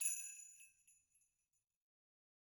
<region> pitch_keycenter=60 lokey=60 hikey=60 volume=14.657267 seq_position=1 seq_length=2 ampeg_attack=0.004000 ampeg_release=1.000000 sample=Idiophones/Struck Idiophones/Sleigh Bells/Sleighbells_Hit_rr1_Mid.wav